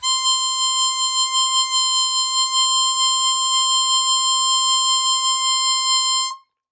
<region> pitch_keycenter=84 lokey=82 hikey=86 volume=4.245991 offset=197 trigger=attack ampeg_attack=0.004000 ampeg_release=0.100000 sample=Aerophones/Free Aerophones/Harmonica-Hohner-Super64/Sustains/Vib/Hohner-Super64_Vib_C5.wav